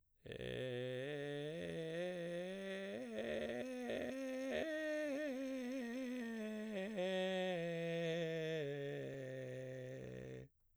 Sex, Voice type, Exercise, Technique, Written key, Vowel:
male, baritone, scales, vocal fry, , e